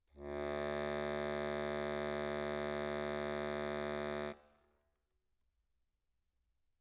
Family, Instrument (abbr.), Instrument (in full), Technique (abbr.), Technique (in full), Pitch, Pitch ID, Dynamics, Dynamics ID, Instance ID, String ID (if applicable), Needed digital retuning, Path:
Keyboards, Acc, Accordion, ord, ordinario, D2, 38, mf, 2, 1, , FALSE, Keyboards/Accordion/ordinario/Acc-ord-D2-mf-alt1-N.wav